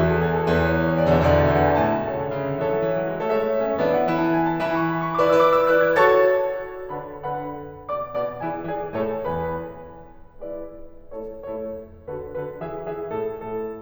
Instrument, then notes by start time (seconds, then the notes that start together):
piano
0.00 E2 E3 G#4
0.12 A4
0.24 G#4
0.37 A4
0.50 E2 E3 B4
0.62 C#5
0.73 B4
0.85 C#5
0.98 D5
1.09 E2 B2 D3 E5
1.23 E2 B2 D3 D5
1.37 E5
1.54 F#5
1.66 E2 B2 D3 G#5
1.78 A2 A4 C#5 E5 A5
1.93 B2
2.03 C#3 A4 C#5 E5
2.21 D3
2.31 C#3
2.44 D3
2.60 E3 A4 C#5 E5
2.74 F#3
2.90 E3
3.02 F#3
3.13 G#3
3.25 A3 A4 C#5 E5
3.38 G#3 A4 C#5 E5
3.46 A3
3.59 B3
3.70 C#4 A4 C#5 E5
3.81 E3 B3 D4 E5
3.94 F#5
4.06 E3 E4 G#5
4.19 A5
4.35 G#5
4.52 A5
4.66 E3 E4 B5
4.79 C#6
4.91 B5
5.02 C#6
5.13 D6
5.25 E4 B4 D5 E6
5.45 E4 B4 D5 D6
5.56 E6
5.67 F#6
5.82 E4 B4 D5 G#6
5.96 F#4 A4 C#5 A5 C#6 A6
6.98 D3 D4 B4 F#5 B5
7.20 D3 D4 B4 F#5 B5
7.92 B2 B3 D5 D6
8.15 B2 B3 D5 D6
8.44 E3 E4 G#4 D5 G#5
8.72 E3 E4 G#4 D5 G#5
8.95 A2 A3 A4 C#5 A5
9.24 E2 E3 B4 G#5 B5
10.27 G#3 E4 B4 D5
11.04 A3 E4 A4 C#5
11.37 A3 E4 A4 C#5
12.10 D3 F#4 A4 B4
12.33 D3 F#4 A4 B4
12.59 E3 G#4 E5
12.82 E3 G#4 E5
13.07 A2 A4
13.31 A2 A4